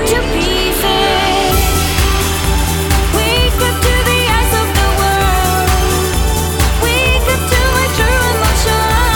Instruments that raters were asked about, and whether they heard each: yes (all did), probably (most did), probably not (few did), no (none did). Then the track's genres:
voice: yes
clarinet: no
Pop; Electronic; New Age; Instrumental